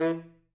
<region> pitch_keycenter=52 lokey=52 hikey=53 tune=15 volume=13.594091 lovel=84 hivel=127 ampeg_attack=0.004000 ampeg_release=1.500000 sample=Aerophones/Reed Aerophones/Tenor Saxophone/Staccato/Tenor_Staccato_Main_E2_vl2_rr1.wav